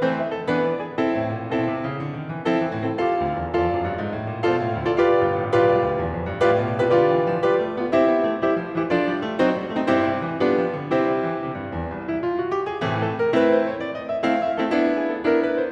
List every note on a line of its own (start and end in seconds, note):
0.00 0.45 E3
0.00 0.45 A3
0.00 0.45 C4
0.00 0.17 C5
0.17 0.31 E5
0.31 0.45 A4
0.46 1.00 E3
0.46 1.00 B3
0.46 1.00 D4
0.46 0.62 B4
0.63 0.77 D5
0.77 1.00 G#4
1.00 1.51 C4
1.00 1.51 E4
1.00 1.51 A4
1.20 1.36 A2
1.37 1.51 A#2
1.51 1.66 B2
1.51 1.97 C4
1.51 1.97 E4
1.51 1.97 A4
1.66 1.83 C3
1.83 1.97 C#3
1.99 2.12 D3
2.14 2.28 D#3
2.28 2.45 E3
2.45 2.61 F3
2.45 2.81 C4
2.45 2.81 E4
2.45 2.81 A4
2.62 2.76 E3
2.77 2.96 A2
2.77 2.96 C4
2.77 2.96 E4
2.77 2.96 A4
2.96 3.53 F4
2.96 3.53 A4
2.96 3.53 D5
2.96 3.53 F5
3.18 3.36 D2
3.36 3.53 E2
3.54 3.72 F2
3.54 4.04 F4
3.54 4.04 A4
3.54 4.04 D5
3.54 4.04 F5
3.75 3.90 F#2
3.90 4.04 G2
4.04 4.17 G#2
4.17 4.30 A2
4.31 4.43 A#2
4.43 4.60 B2
4.43 4.82 F4
4.43 4.82 A4
4.43 4.82 D5
4.43 4.82 F5
4.60 4.76 A2
4.76 4.96 D2
4.82 4.96 F4
4.82 4.96 A4
4.82 4.96 D5
4.82 4.96 F5
5.00 5.55 F4
5.00 5.55 G4
5.00 5.55 B4
5.00 5.55 D5
5.00 5.55 F5
5.26 5.39 G1
5.39 5.55 A1
5.55 5.71 B1
5.55 6.04 F4
5.55 6.04 G4
5.55 6.04 B4
5.55 6.04 D5
5.55 6.04 F5
5.71 5.87 C2
5.89 6.04 D2
6.05 6.18 E2
6.18 6.32 F2
6.32 6.42 G2
6.43 6.58 A2
6.43 6.80 F4
6.43 6.80 G4
6.43 6.80 B4
6.43 6.80 D5
6.43 6.80 F5
6.59 6.77 B2
6.77 6.95 C3
6.82 6.95 F4
6.82 6.95 G4
6.82 6.95 B4
6.82 6.95 D5
6.82 6.95 F5
6.95 7.09 D3
6.95 7.40 F4
6.95 7.40 G4
6.95 7.40 B4
6.95 7.40 D5
6.95 7.40 F5
7.09 7.23 E3
7.24 7.40 F3
7.41 7.57 G3
7.41 7.77 F4
7.41 7.77 G4
7.41 7.77 B4
7.41 7.77 D5
7.41 7.77 F5
7.57 7.73 A3
7.73 7.88 B3
7.78 7.88 F4
7.78 7.88 G4
7.78 7.88 B4
7.78 7.88 D5
7.78 7.88 F5
7.89 8.06 C4
7.89 8.39 E4
7.89 8.39 G4
7.89 8.39 C5
7.89 8.39 E5
8.06 8.22 B3
8.22 8.39 A3
8.39 8.56 G3
8.39 8.78 E4
8.39 8.78 G4
8.39 8.78 C5
8.39 8.78 E5
8.56 8.72 F3
8.73 8.89 E3
8.78 8.89 E4
8.78 8.89 G4
8.78 8.89 C5
8.78 8.89 E5
8.90 9.06 F3
8.90 9.36 D4
8.90 9.36 F4
8.90 9.36 A4
8.90 9.36 D5
9.06 9.22 G3
9.22 9.36 A3
9.37 9.57 F#3
9.37 9.73 C4
9.37 9.73 D#4
9.37 9.73 F#4
9.37 9.73 A4
9.37 9.73 C5
9.58 9.72 G3
9.72 9.86 A3
9.72 9.86 C4
9.72 9.86 D#4
9.72 9.86 F#4
9.72 9.86 A4
9.72 9.86 C5
9.86 10.07 G2
9.86 10.40 C4
9.86 10.40 E4
9.86 10.40 G4
9.86 10.40 C5
10.07 10.24 C3
10.25 10.40 E3
10.41 10.58 G3
10.41 10.90 B3
10.41 10.90 D4
10.41 10.90 F4
10.41 10.90 G4
10.41 10.90 B4
10.58 10.77 F3
10.77 10.90 D3
10.90 11.05 C3
10.90 11.35 C4
10.90 11.35 E4
10.90 11.35 G4
10.90 11.35 C5
11.06 11.20 G3
11.22 11.35 E3
11.35 11.53 C3
11.53 11.69 G2
11.70 11.87 E2
11.89 12.40 C2
12.04 12.21 E4
12.21 12.40 F4
12.40 12.52 F#4
12.53 12.67 G4
12.68 12.84 G#4
12.84 13.29 A2
12.84 13.29 C3
12.84 13.29 E3
12.84 13.29 A3
13.04 13.17 A4
13.18 13.29 A#4
13.31 13.84 A3
13.31 13.84 C4
13.31 13.84 E4
13.31 13.48 B4
13.48 13.66 C5
13.66 13.84 C#5
13.84 13.98 D5
13.99 14.12 D#5
14.13 14.30 E5
14.30 14.65 A3
14.30 14.65 C4
14.30 14.65 E4
14.30 14.48 F5
14.48 14.61 E5
14.62 14.77 A3
14.62 14.77 C4
14.62 14.77 E4
14.62 14.77 A4
14.78 15.23 B3
14.78 15.23 D4
14.78 15.23 E4
14.93 15.08 G#4
15.08 15.23 A4
15.23 15.72 B3
15.23 15.72 D4
15.23 15.72 E4
15.23 15.35 A#4
15.36 15.55 B4
15.56 15.72 C5